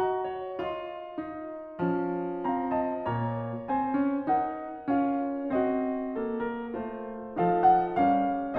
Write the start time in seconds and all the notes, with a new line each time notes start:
0.00 F#4 D#5 A#5
0.26 C#5
0.62 F4 D#5 C6
1.18 D#4
1.90 F3 C#4
2.48 C4 F5 A#5
2.74 D#5 A5
3.10 A#2 A#3 C#5 A#5
3.70 C4 C5 G#5
4.02 C#4
4.34 D#4 A#4 F#5
4.86 C#4 F4 F5
5.53 C4 F#4 D#5
6.13 A#3 A4
6.40 A#4
6.73 A3 F4 C5
7.37 F3 D#4 A4 F5
7.65 F#5
7.98 G3 C#4 A#4 F5